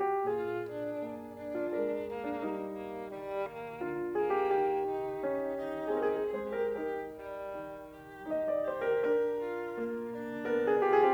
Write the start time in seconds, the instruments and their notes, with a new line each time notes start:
0.00 piano G4
0.30 piano A#2 G#4, violin F4
0.66 violin D4
1.02 piano A#3
1.38 violin D4
1.57 piano F4
1.74 piano G#3 A#4
2.07 violin A#3
2.24 piano D4
2.38 piano G3 D#4
2.74 violin A#3
3.10 piano D#3, violin G3
3.47 violin A#3
3.85 piano D3 F4
4.21 violin A#3, piano G#4
4.39 piano G4
4.55 piano D#3 G4
4.89 violin D#4
5.27 piano C#3
5.64 violin D#4
6.00 piano C3 G#4
6.12 piano A#4
6.21 piano G#4
6.30 piano A#4
6.40 piano G#2 C5, violin G#4
6.59 violin G4, piano A#4
6.78 piano D#3 A#4, violin G4
7.14 violin G3
7.52 piano G3
7.92 violin G4
8.29 piano D#3 D#5
8.48 piano D5
8.68 violin G4, piano C5
8.87 piano A#4
9.07 piano D3 A#4
9.44 violin F4
9.80 piano A#2
10.15 violin D4
10.50 piano B2 A#4
10.57 piano G#4
10.81 violin F4, piano G4
10.98 piano G#4